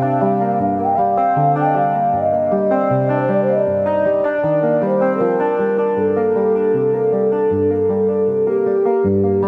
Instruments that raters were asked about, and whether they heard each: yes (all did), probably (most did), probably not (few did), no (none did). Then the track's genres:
piano: yes
Soundtrack